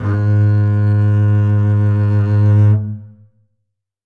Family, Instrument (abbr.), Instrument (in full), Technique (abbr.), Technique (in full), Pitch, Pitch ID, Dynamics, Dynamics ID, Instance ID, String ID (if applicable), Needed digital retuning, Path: Strings, Cb, Contrabass, ord, ordinario, G#2, 44, ff, 4, 3, 4, TRUE, Strings/Contrabass/ordinario/Cb-ord-G#2-ff-4c-T28u.wav